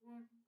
<region> pitch_keycenter=58 lokey=58 hikey=59 tune=-27 volume=21.092132 offset=498 ampeg_attack=0.004000 ampeg_release=10.000000 sample=Aerophones/Edge-blown Aerophones/Baroque Bass Recorder/Staccato/BassRecorder_Stac_A#2_rr1_Main.wav